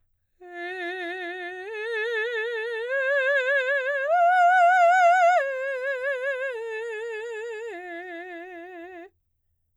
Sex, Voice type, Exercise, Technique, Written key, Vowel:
female, soprano, arpeggios, slow/legato piano, F major, e